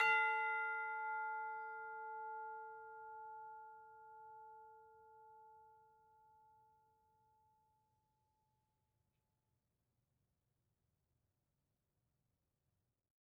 <region> pitch_keycenter=77 lokey=77 hikey=79 volume=20.739006 lovel=0 hivel=83 ampeg_attack=0.004000 ampeg_release=30.000000 sample=Idiophones/Struck Idiophones/Tubular Bells 2/TB_hit_F5_v2_2.wav